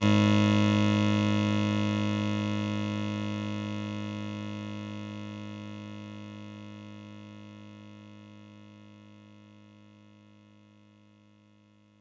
<region> pitch_keycenter=32 lokey=31 hikey=34 volume=6.503025 offset=180 lovel=100 hivel=127 ampeg_attack=0.004000 ampeg_release=0.100000 sample=Electrophones/TX81Z/Clavisynth/Clavisynth_G#0_vl3.wav